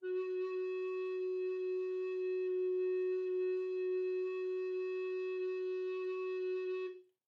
<region> pitch_keycenter=66 lokey=66 hikey=67 volume=10.904645 offset=671 ampeg_attack=0.004000 ampeg_release=0.300000 sample=Aerophones/Edge-blown Aerophones/Baroque Tenor Recorder/Sustain/TenRecorder_Sus_F#3_rr1_Main.wav